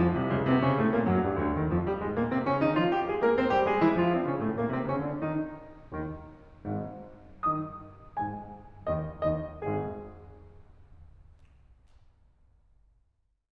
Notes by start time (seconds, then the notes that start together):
0.01 F2 F3
0.17 C2 C3
0.30 C#2 C#3
0.47 C3 C4
0.63 C#3 C#4
0.77 A2 A3
0.92 A#2 A#3
1.04 F#2 F#3
1.20 G2 G3
1.38 D2 D3
1.56 D#2 D#3
1.69 F2 F3
1.79 G2 G3
1.99 G#2 G#3
2.15 A#2 A#3
2.34 C3 C4
2.47 C#3 C#4
2.62 D#3 D#4
2.77 F3 F4
2.93 G3 G4
3.08 G#3 G#4
3.23 A#3 A#4
3.35 C4 C5
3.51 G3 G4
3.67 G#3 G#4
3.80 E3 E4
3.96 F3 F4
4.13 C3 C4
4.28 C#3 C#4
4.41 A2 A3
4.56 A#2 A#3
4.72 C3 C4
4.88 C#3 C#4
5.06 D3 D4
5.22 D#3 D#4
5.87 D#2 D#3
6.62 G#1 G#2
7.47 D#3 D#4 D#5 D#6
8.19 G#2 G#3 G#4 G#5
8.92 D#2 D#3 D#4 D#5
9.27 D#2 D#3 D#4 D#5
9.75 G#1 G#2 G#3 G#4